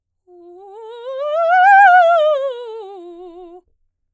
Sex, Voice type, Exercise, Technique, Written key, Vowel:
female, soprano, scales, fast/articulated piano, F major, u